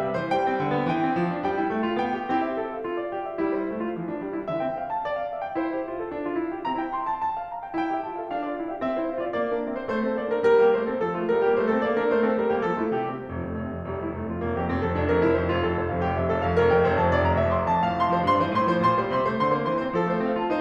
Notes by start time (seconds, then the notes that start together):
0.00 C3 E5
0.17 E3 C5
0.29 G3 G5
0.45 C4
0.62 D3
0.75 B3
0.88 E3 G5
1.04 C4
1.16 F3
1.31 D4
1.43 G3 G5
1.59 E4
1.71 A3
1.88 F4
2.01 B3 G5
2.19 G4
2.31 C4 E4 G4
2.41 E5
2.62 A4
2.76 F5
2.84 F4
2.96 D5
3.11 G4
3.30 E5
3.40 G3 E4
3.54 E4 C5
3.69 A3
3.85 F4
4.02 F3
4.12 D4
4.23 G3
4.40 E4
4.50 E3 E5
4.60 C4 G5
4.78 F5
4.93 A5
5.03 D5
5.17 F5
5.28 E5
5.42 G5
5.58 E4 C5
5.72 G4 E5
5.87 F4
6.00 A4
6.11 D4
6.23 F4
6.36 E4
6.54 G4
6.68 C4 A#5
6.79 E4 G5
6.93 C6
7.15 A5
7.27 A5
7.38 F5
7.49 A#5
7.62 G5
7.74 E4 G5
7.99 G4 E5
8.14 F4 A5
8.23 A4 F5
8.34 D4 F5
8.45 F4 D5
8.58 E4 G5
8.67 G4 E5
8.82 C4 E5
8.96 E4 C5
9.09 D4 F5
9.20 F4 D5
9.35 A#3 D5
9.53 D4 A#4
9.66 C4 E5
9.82 E4 C5
9.93 A3 C5
10.04 C4 A4
10.17 A#3 D5
10.30 D4 A#4
10.44 G3 A#4
10.54 A#3 G4
10.74 A3 C5
10.91 C4 A4
11.01 F3 A4
11.13 A3 F4
11.30 G3 A#4
11.42 A#3 G4
11.63 A3 C5
11.71 C4 A4
11.83 A#3 D5
11.97 D4 A#4
12.09 A3 C5
12.24 C4 A4
12.40 G3 A#4
12.53 A#3 G4
12.63 F3 A4
12.81 A3 F4
12.92 C3 G4
13.14 G3 C4
13.32 F1 F3
13.44 F2 A3
13.58 F1 C4
13.73 F2 F4
13.83 F1 G3
14.04 F2 E4
14.12 F1 A3
14.26 F2 F4
14.42 F1 A#3
14.55 F2 G4
14.71 F1 C4
14.83 F2 A4
14.98 F1 D4
15.09 F2 A#4
15.21 F1 E4
15.36 F2 C5
15.46 F1 F4
15.62 F2 A4
15.75 F1 C5
15.86 F2 F5
15.98 F1 G4
16.10 F2 E5
16.22 F1 A4
16.36 F2 F5
16.58 F1 A#4
16.70 F2 G5
16.87 F1 C5
17.01 F2 A5
17.15 F1 D5
17.28 F2 A#5
17.39 F1 E5
17.54 F2 C6
17.64 F2 A5
17.82 A2 F5
17.96 C3 C6
18.07 F3 C5
18.20 G2 C6
18.32 E3 C5
18.45 A2 C6
18.74 F3 C5
18.84 A#2 C6
18.97 G3 C5
19.14 C3 C6
19.25 A3 C5
19.41 D3 C6
19.53 A#3 C5
19.66 E3 C6
19.85 C4 C5
19.96 F3 A4
20.07 A3 C5
20.25 C4 F5
20.36 F4 A5
20.51 D#4 C5